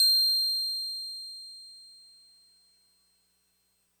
<region> pitch_keycenter=108 lokey=107 hikey=109 volume=7.920190 lovel=100 hivel=127 ampeg_attack=0.004000 ampeg_release=0.100000 sample=Electrophones/TX81Z/Piano 1/Piano 1_C7_vl3.wav